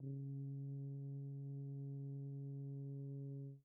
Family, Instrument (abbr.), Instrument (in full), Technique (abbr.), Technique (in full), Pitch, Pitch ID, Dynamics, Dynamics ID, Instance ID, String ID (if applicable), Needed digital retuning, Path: Brass, BTb, Bass Tuba, ord, ordinario, C#3, 49, pp, 0, 0, , FALSE, Brass/Bass_Tuba/ordinario/BTb-ord-C#3-pp-N-N.wav